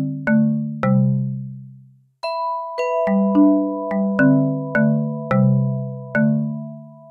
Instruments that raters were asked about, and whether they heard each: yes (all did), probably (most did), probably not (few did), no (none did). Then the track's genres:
mallet percussion: yes
Electronic; Ambient; Instrumental